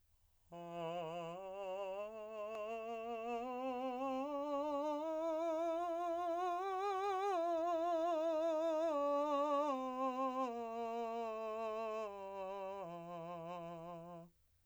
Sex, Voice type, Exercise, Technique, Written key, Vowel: male, , scales, slow/legato piano, F major, a